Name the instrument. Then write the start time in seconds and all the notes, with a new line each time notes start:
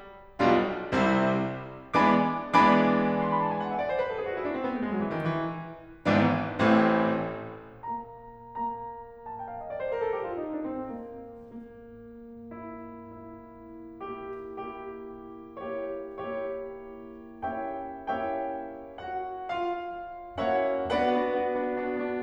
piano
0.42 B1 B2 G3 D4 F4
1.02 C2 C3 G3 C4 E4
2.01 E3 G#3 B3 D4 D5 G#5 B5 D6
2.58 E3 G#3 B3 D4 D5 G#5 B5 D6
3.29 C6
3.38 B5
3.49 A5
3.58 G#5
3.67 F#5
3.76 E5
3.86 D5
3.95 C5
4.05 B4
4.14 A4
4.21 G#4
4.28 F#4
4.34 E4
4.39 D4
4.50 C4
4.61 B3
4.68 A3
4.80 G#3
4.87 F#3
4.99 E3
5.08 D#3
5.17 E3
6.05 G#1 G#2 E3 B3 D4
6.65 A1 A2 E3 A3 C4
7.85 A#3 A#5
8.45 A#3 A#5
9.28 A5
9.40 G5
9.50 F5
9.61 D#5
9.71 D5
9.80 C5
9.91 A#4
10.01 A4
10.14 G4
10.23 F4
10.35 D#4
10.52 D4
10.70 C4
10.84 A#3
11.46 A#3
12.51 E4
13.09 E4
14.01 A#3 E4 G4
14.54 A#3 E4 G4
15.60 A#3 E4 G4 C#5
16.54 A#3 E4 G4 C#5
17.51 A#3 C#4 E4 G4 C#5 E5 G5
17.99 A#3 C#4 E4 G4 C#5 E5 G5
19.00 F#4 F#5
19.57 F4 F5
20.43 A#3 C#4 E4 F#4 C#5 E5 F#5
20.81 B3 D4 F#4 B4 D5 F#5
21.02 B3 D4 F#4
21.29 B3 D4 F#4
21.50 B3 D4 F#4
21.70 B3 D4 F#4
22.01 B3 D4 F#4